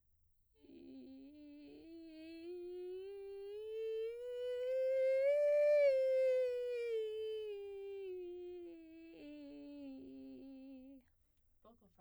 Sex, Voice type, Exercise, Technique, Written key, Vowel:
female, soprano, scales, vocal fry, , i